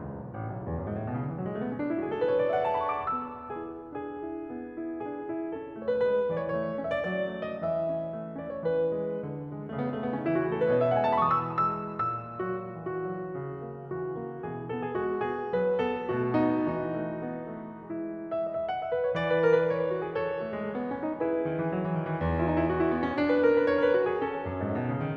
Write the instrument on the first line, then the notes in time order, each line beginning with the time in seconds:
piano
0.00 C#2
0.17 B1
0.39 A1
0.45 B1
0.51 C#2
0.59 D2
0.67 E2
0.77 F#2
0.82 G#2
0.99 A2
1.06 B2
1.21 C#3
1.28 D3
1.34 E3
1.39 F#3
1.45 G#3
1.54 A3
1.63 B3
1.72 C#4
1.81 D4
1.88 E4
1.95 F#4
2.02 G#4
2.09 A4
2.21 B4
2.28 C#5
2.35 D5
2.40 E5
2.51 F#5
2.59 G#5
2.69 A5
2.76 B5
2.96 C#6
3.03 D6
3.15 B3 E6
3.49 E4 G#4
3.98 D4 G#4
4.26 E4
4.49 B3
4.75 E4
5.00 D4 G#4
5.25 E4
5.49 C#4 A4
5.74 A3
5.84 C#5
5.90 B4
5.96 G#3 B4
6.18 E3
6.34 D5
6.40 C#5
6.49 A3 C#5
6.73 E4
6.86 E5
6.92 D5
6.98 F#3 D5
7.34 A3
7.48 D#5
7.60 E3 E5
7.87 C#4
8.10 A3
8.38 C#4 D5
8.53 C#5
8.65 E3 B4
8.92 G#3
9.18 D3
9.45 G#3
9.71 C#3 A3
9.78 B3
9.85 A3
9.90 G#3
9.95 A3
10.05 B3
10.14 C#4
10.27 D#4
10.33 E3 E4
10.39 F#4
10.46 G#4
10.55 A4
10.60 A3 B4
10.68 C#5
10.75 D#5
10.82 E5
10.88 B2 F#5
10.97 G#5
11.08 A5
11.23 G#3 B5
11.31 C#6
11.42 D#6
11.58 E3 E6
11.81 F#3 E6
12.07 A#2 E6
12.39 F#3 F#4
12.75 E3 F#4
13.01 F#3
13.37 C#3
13.64 A#3
13.90 E3 F#4
14.19 A#3
14.45 B2 E3 G#4
14.72 B3 A4
14.88 G#4
15.05 G#3 F#4
15.33 B3 G#4
15.56 F#3 B4
15.80 B3 A4
16.09 B2 A3 F#4
16.36 B3 D#4
16.67 E3 D#4 F#4
16.94 A3
17.22 B3
17.48 A3
17.82 G#3 E4
18.03 E5
18.18 D#5
18.33 E5
18.46 F#5
18.69 E5
18.90 B4
19.02 C#5
19.13 D5
19.25 B4
19.40 A#4
19.55 B4
19.67 C#5
19.80 B4
19.91 F#4
20.06 G#4
20.18 A4 C#5
20.45 A3
20.58 G#3
20.71 A3
20.82 B3
20.92 C#4
21.04 D#4
21.16 E4 G#4 B4
21.40 D#3
21.51 E3
21.70 F#3
21.85 E3
21.99 D#3
22.11 E3
22.23 E2
22.36 E4
22.45 D#4
22.57 E4
22.69 F#4
22.79 E4
22.91 B3
23.05 C#4
23.15 D4
23.29 B4
23.45 A#4
23.61 B4
23.75 C#5
23.89 B4
23.99 F#4
24.10 G#4
24.21 C#4 A4
24.44 F#2
24.57 G#2
24.69 A2
24.81 B2
24.94 C#3
25.07 D#3